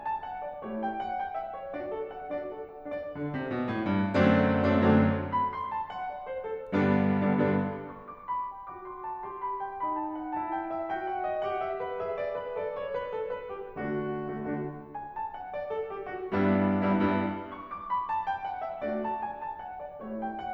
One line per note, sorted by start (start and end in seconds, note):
0.01 0.19 A5
0.20 0.44 F#5
0.45 0.62 D5
0.63 1.14 A3
0.63 1.14 E4
0.63 1.14 G4
0.63 0.80 C#5
0.81 0.93 G5
0.95 1.14 F#5
1.16 1.33 G5
1.34 1.55 E5
1.56 1.75 C#5
1.75 2.32 D4
1.75 2.32 F#4
1.75 1.90 D5
1.91 2.12 A4
2.14 2.32 F#5
2.33 2.89 D4
2.33 2.89 F#4
2.33 2.50 D5
2.51 2.69 A4
2.70 2.89 F#5
2.90 3.09 D4
2.90 3.09 F#4
2.90 3.51 D5
3.11 3.29 D3
3.30 3.51 C3
3.52 3.67 B2
3.69 3.90 A2
3.91 4.14 G2
4.15 4.66 F#2
4.15 4.66 D3
4.15 4.66 F#3
4.15 4.66 A3
4.15 4.66 C4
4.15 4.66 D4
4.67 4.85 F#2
4.67 4.85 D3
4.67 4.85 F#3
4.67 4.85 A3
4.67 4.85 C4
4.67 4.85 D4
4.86 5.47 F#2
4.86 5.47 D3
4.86 5.47 F#3
4.86 5.15 A3
4.86 5.15 C4
4.86 5.15 D4
5.32 5.47 B5
5.49 5.69 C6
5.72 5.88 A5
5.89 6.09 F#5
6.10 6.29 D5
6.31 6.47 C5
6.48 6.73 A4
6.74 7.24 G2
6.74 7.24 D3
6.74 7.24 G3
6.74 7.24 B3
6.74 7.24 D4
7.24 7.39 G2
7.24 7.39 D3
7.24 7.39 G3
7.24 7.39 B3
7.24 7.39 D4
7.40 8.09 G2
7.40 8.09 D3
7.40 8.09 G3
7.40 7.71 B3
7.40 7.71 D4
7.89 8.09 C#6
8.10 8.28 D6
8.30 8.49 B5
8.50 8.68 G5
8.69 9.24 F#4
8.69 8.85 D6
8.85 9.04 C6
9.05 9.24 A5
9.25 9.82 G4
9.25 9.44 C6
9.46 9.62 B5
9.63 9.82 G5
9.83 10.41 D#4
9.83 10.05 B5
10.06 10.22 A5
10.23 10.41 F#5
10.42 10.86 E4
10.42 10.51 A5
10.51 10.69 G5
10.70 10.86 E5
10.87 11.43 F#4
10.87 11.06 G5
11.07 11.24 F#5
11.26 11.43 D5
11.44 12.02 G4
11.44 11.66 F#5
11.67 11.81 E5
11.84 12.02 B4
12.03 12.56 G#4
12.03 12.15 E5
12.16 12.34 D5
12.35 12.56 B4
12.57 13.10 A4
12.57 12.77 D5
12.78 12.90 C#5
12.92 13.10 B4
13.11 13.25 A4
13.28 13.47 B4
13.48 13.75 G4
13.76 14.22 D3
13.76 14.22 A3
13.76 14.22 D4
13.76 14.22 F#4
14.23 14.38 D3
14.23 14.38 A3
14.23 14.38 D4
14.23 14.38 F#4
14.40 15.08 D3
14.40 15.08 A3
14.40 14.77 D4
14.40 14.77 F#4
14.92 15.08 G#5
15.09 15.32 A5
15.33 15.52 F#5
15.53 15.69 D5
15.70 15.91 A4
15.92 16.11 G4
16.12 16.33 F#4
16.34 16.70 G2
16.34 16.70 G3
16.34 16.70 B3
16.34 16.70 D4
16.34 16.70 E4
16.71 16.86 G2
16.71 16.86 G3
16.71 16.86 B3
16.71 16.86 D4
16.71 16.86 E4
16.88 17.51 G2
16.88 17.51 G3
16.88 17.22 B3
16.88 17.22 D4
16.88 17.22 E4
17.36 17.51 C#6
17.53 17.84 D6
17.85 18.08 B5
18.09 18.28 A5
18.29 18.44 G5
18.45 18.65 F#5
18.66 18.80 E5
18.81 19.37 A3
18.81 19.37 D4
18.81 19.37 F#4
18.81 18.94 D5
18.95 19.14 A5
19.15 19.37 G#5
19.38 19.57 A5
19.58 19.78 F#5
19.79 19.99 D5
20.00 20.50 A3
20.00 20.50 E4
20.00 20.50 G4
20.00 20.17 C#5
20.17 20.30 G5
20.31 20.50 F#5